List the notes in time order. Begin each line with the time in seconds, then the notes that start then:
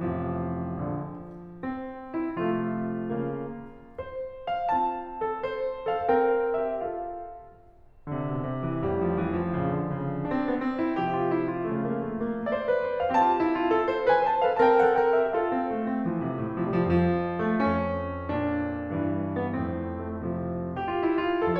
0.00 A1 F2 C3 F3
0.80 A#1 D3
1.58 C4
2.15 E4
2.41 C3 F3 A3 F4
3.20 C#3 A#3
3.98 C5
4.54 F5
4.73 C4 F4 A5
5.32 A4
5.50 C5
5.97 A4 F5
6.10 C4 A#4 G5
6.70 G4 E5
6.87 F4 A4 F5
8.07 D3
8.13 C3
8.24 B2
8.46 C3
8.66 E3
8.85 A1 F2 G3
9.04 F3
9.21 E3
9.40 F3
9.56 A#1 C#3
9.76 D3
9.89 C#3
10.09 D3
10.27 D4
10.34 C4
10.44 B3
10.62 C4
10.79 E4
11.01 C3 F3 G4
11.17 F4
11.32 E4
11.47 F4
11.68 C#3 A3
11.92 A#3
12.12 A3
12.27 A#3
12.47 D5
12.55 C5
12.68 B4
12.82 C5
13.00 F5
13.20 C4 G4 A5
13.27 F4
13.40 E4
13.57 F4
13.71 A4
13.90 C5
14.06 B4 G#5
14.23 C5 A5
14.42 A4 F5
14.59 C4 A#4 A5
14.69 G5
14.81 A4 F#5
14.98 A#4 G5
15.15 G4 E5
15.33 F4 A4 F5
15.50 C4
15.70 A3
15.89 C4
16.07 F3
16.25 C3
16.42 A2
16.60 C3
16.81 F2 F3
16.89 G3
16.97 F3
17.09 E3
17.21 D3
17.31 E3
17.40 F3
17.50 A3
17.58 F2 C#4
18.32 A#2 D4
19.01 G2 E3
19.45 B3
19.62 F2 A2 C4
20.14 A3
20.27 C3 F3
20.90 G4
20.97 F4
21.10 E4
21.28 F4
21.42 A4